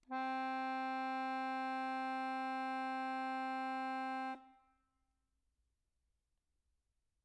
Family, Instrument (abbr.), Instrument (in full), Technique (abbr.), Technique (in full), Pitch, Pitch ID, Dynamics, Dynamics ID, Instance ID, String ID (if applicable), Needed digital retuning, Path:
Keyboards, Acc, Accordion, ord, ordinario, C4, 60, mf, 2, 1, , FALSE, Keyboards/Accordion/ordinario/Acc-ord-C4-mf-alt1-N.wav